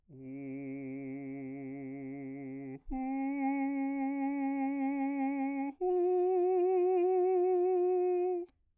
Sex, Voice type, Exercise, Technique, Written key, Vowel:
male, bass, long tones, full voice pianissimo, , u